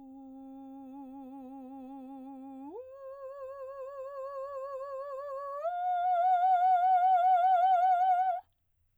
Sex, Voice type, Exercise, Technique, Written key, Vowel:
female, soprano, long tones, full voice pianissimo, , u